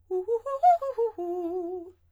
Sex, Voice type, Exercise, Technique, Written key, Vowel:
female, soprano, arpeggios, fast/articulated forte, F major, u